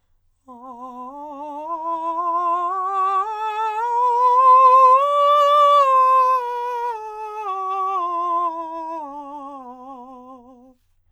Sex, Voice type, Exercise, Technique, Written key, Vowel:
male, countertenor, scales, slow/legato forte, C major, a